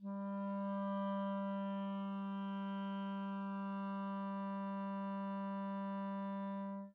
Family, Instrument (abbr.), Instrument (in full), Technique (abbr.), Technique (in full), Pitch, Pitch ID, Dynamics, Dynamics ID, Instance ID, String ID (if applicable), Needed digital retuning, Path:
Winds, ClBb, Clarinet in Bb, ord, ordinario, G3, 55, mf, 2, 0, , FALSE, Winds/Clarinet_Bb/ordinario/ClBb-ord-G3-mf-N-N.wav